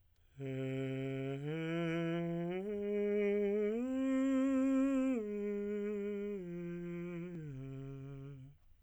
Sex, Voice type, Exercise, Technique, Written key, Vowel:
male, tenor, arpeggios, breathy, , e